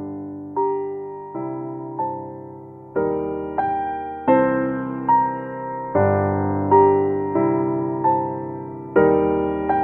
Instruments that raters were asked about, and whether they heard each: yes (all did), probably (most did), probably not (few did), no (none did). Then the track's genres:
accordion: no
piano: yes
Classical